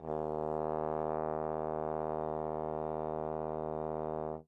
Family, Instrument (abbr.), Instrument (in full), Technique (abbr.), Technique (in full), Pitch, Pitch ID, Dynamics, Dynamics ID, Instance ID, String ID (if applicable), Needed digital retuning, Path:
Brass, Tbn, Trombone, ord, ordinario, D#2, 39, mf, 2, 0, , FALSE, Brass/Trombone/ordinario/Tbn-ord-D#2-mf-N-N.wav